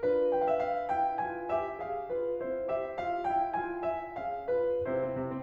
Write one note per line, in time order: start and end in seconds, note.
0.00 2.40 D4
0.00 0.89 F4
0.41 0.51 G5
0.46 0.59 F5
0.52 0.65 E5
0.59 0.89 F5
0.89 1.18 E4
0.89 1.18 G5
1.20 1.45 F4
1.20 1.45 G#5
1.46 1.78 G4
1.46 1.78 E5
1.79 2.10 G#4
1.79 2.10 F5
2.10 2.40 F4
2.10 2.40 B4
2.40 4.16 C4
2.40 2.67 E4
2.40 2.67 C5
2.67 2.98 G4
2.67 2.98 E5
3.00 3.25 F4
3.00 3.25 F5
3.26 3.55 E4
3.26 3.55 G5
3.56 3.83 F4
3.56 3.83 G#5
3.83 4.16 A#4
3.83 4.16 E5
4.16 4.83 C#4
4.16 4.50 G#4
4.16 4.50 F5
4.50 4.83 F4
4.50 4.83 B4
4.84 4.98 C3
4.84 5.13 E4
4.84 5.13 C5
4.99 5.13 C4
5.14 5.28 C3
5.29 5.42 C4